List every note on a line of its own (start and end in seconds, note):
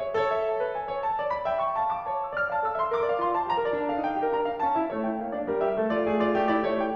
0.00 0.15 C#5
0.15 1.50 A4
0.15 0.29 C#5
0.29 0.46 E5
0.46 0.64 A5
0.65 0.75 B4
0.75 0.93 G#5
0.93 1.03 C#5
1.08 1.20 A5
1.20 1.36 D5
1.37 1.50 B5
1.50 1.64 E5
1.50 1.92 G5
1.64 1.92 C#6
1.96 2.17 F5
1.96 2.08 A5
2.08 2.17 D6
2.18 2.40 C#5
2.18 2.29 A5
2.29 2.40 E6
2.40 2.51 D5
2.40 2.51 F6
2.52 2.65 F5
2.52 2.65 A5
2.65 2.76 A4
2.65 2.76 E6
2.76 2.93 E5
2.76 2.93 C6
2.94 3.09 A#4
2.94 3.09 D6
3.09 3.25 D5
3.09 3.25 F5
3.26 3.38 F4
3.26 3.38 C6
3.38 3.48 C5
3.38 3.48 A5
3.48 3.56 G4
3.48 3.56 A#5
3.58 3.73 A#4
3.58 3.73 D5
3.73 3.89 D4
3.73 3.89 A5
3.90 4.01 A4
3.90 4.01 F5
4.01 4.25 D#4
4.01 4.25 G5
4.25 4.40 G4
4.25 4.40 A#4
4.41 4.52 D4
4.41 4.52 A#5
4.52 4.62 F4
4.52 4.62 F5
4.62 4.75 C#4
4.62 4.75 A5
4.75 4.90 E4
4.75 4.90 E5
4.90 5.06 A3
4.90 5.06 C#5
5.09 5.18 E4
5.09 5.18 G5
5.18 5.33 A#3
5.18 5.33 F5
5.33 5.48 D4
5.33 5.48 D5
5.50 5.60 G3
5.50 5.60 A#4
5.60 5.76 G4
5.60 5.76 E5
5.78 5.89 A3
5.78 5.89 A4
5.89 6.06 F4
5.89 6.06 D5
6.06 6.16 A3
6.06 6.16 G#4
6.19 6.32 F4
6.19 6.32 D5
6.32 6.51 A3
6.32 6.51 G4
6.55 6.66 E4
6.55 6.66 D5
6.66 6.83 A3
6.66 6.83 C#5
6.83 6.94 E4
6.83 6.94 G5